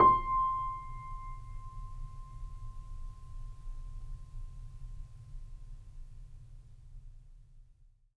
<region> pitch_keycenter=84 lokey=84 hikey=85 volume=1.635825 lovel=0 hivel=65 locc64=0 hicc64=64 ampeg_attack=0.004000 ampeg_release=0.400000 sample=Chordophones/Zithers/Grand Piano, Steinway B/NoSus/Piano_NoSus_Close_C6_vl2_rr1.wav